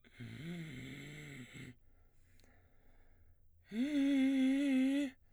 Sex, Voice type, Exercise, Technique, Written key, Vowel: male, baritone, long tones, inhaled singing, , i